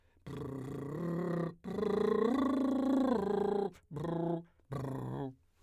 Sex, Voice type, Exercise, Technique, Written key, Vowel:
male, , arpeggios, lip trill, , i